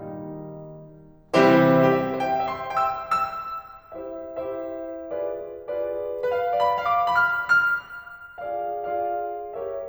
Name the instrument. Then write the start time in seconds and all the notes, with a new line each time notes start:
piano
0.00 D#3 G3 A#3 D#4
1.37 C3 E3 G3 C4 E4 G4 C5
2.02 G4
2.09 E5
2.29 C5
2.36 G5
2.59 E5
2.66 C6
2.88 G5
2.97 E6
3.30 E6
3.91 E4 G4 C5 E5
4.20 E4 G4 C5 E5
5.11 F4 G#4 B4 D5
5.68 F4 G#4 B4 D5
6.23 B4
6.32 F5
6.54 D5
6.65 B5
6.88 F5
6.98 D6
7.23 B5
7.29 F6
7.67 F6
8.39 F4 G#4 D5 F5
8.80 F4 G#4 D5 F5
9.47 G4 A#4 C#5 E5